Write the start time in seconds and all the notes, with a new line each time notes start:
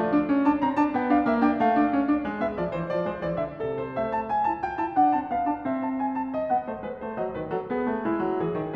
0.00 A3 D5
0.13 D4
0.29 C#4
0.44 D4 A5
0.59 C4 A#5
0.74 D4 A5
0.95 B3 G5
1.13 D4 F5
1.25 A#3 E5
1.40 D4 G5
1.56 A3 F5
1.76 D4
1.92 C#4
2.05 D4
2.25 G#3
2.40 B3 E5
2.55 F3 D5
2.73 E3 C5
2.89 F3 D5
3.08 G#3 C5
3.24 E3 D5
3.44 D3 E5
3.60 C3 A4
3.78 C5
3.98 A3 E5
4.10 A5
4.30 G#5
4.50 E4 A5
4.62 F4 G5
4.77 E4 A5
4.96 D4 F#5
5.13 C4 A5
5.29 B3 F5
5.47 D4 A5
5.65 C4 E5
5.83 A5
6.01 G#5
6.16 A5
6.33 D#5
6.49 B3 F#5
6.66 A3 C5
6.83 G#3 B4
7.00 A3 C5
7.17 F#3 D5
7.34 D#3 B4
7.52 F#3 A4
7.67 B3 G#4
7.84 A3
8.05 G#3 E4
8.23 F#3
8.41 E3 G#4
8.58 D#3